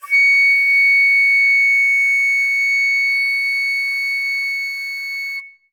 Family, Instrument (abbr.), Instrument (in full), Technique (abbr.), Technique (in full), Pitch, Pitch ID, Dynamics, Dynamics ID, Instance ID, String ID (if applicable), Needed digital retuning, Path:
Winds, Fl, Flute, ord, ordinario, C#7, 97, ff, 4, 0, , FALSE, Winds/Flute/ordinario/Fl-ord-C#7-ff-N-N.wav